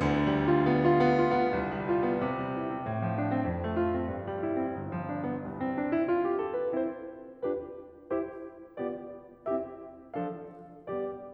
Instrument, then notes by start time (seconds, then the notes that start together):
piano
0.00 D2 D3
0.31 G3
0.48 F4
0.65 B3
0.82 F4
1.00 B3
1.22 F4
1.39 B3
1.56 C2
1.72 G3
1.92 F4
2.07 B3
2.25 C3
2.41 G3
2.57 E4
2.69 C4
2.86 A2
3.05 F3
3.19 D4
3.36 C4
3.51 F2
3.66 A3
3.80 F4
3.96 C4
4.12 G2
4.30 G3
4.45 E4
4.60 C4
4.77 G1
4.90 F3
5.06 D4
5.25 B3
5.48 C2
5.64 C4
5.79 D4
5.97 E4
6.14 F4
6.26 G4
6.37 A4
6.55 B4
6.71 C4 E4 G4 C5
7.44 D4 F4 G4 B4
8.17 E4 G4 C5
8.80 B3 F4 G4 D5
9.49 C4 E4 G4 E5
10.18 F3 D4 A4 F5
10.90 G3 B3 G4 D5